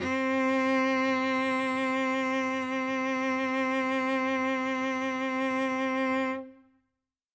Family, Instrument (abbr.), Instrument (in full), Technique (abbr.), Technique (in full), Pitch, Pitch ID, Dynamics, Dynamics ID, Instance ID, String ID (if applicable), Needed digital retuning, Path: Strings, Vc, Cello, ord, ordinario, C4, 60, ff, 4, 1, 2, FALSE, Strings/Violoncello/ordinario/Vc-ord-C4-ff-2c-N.wav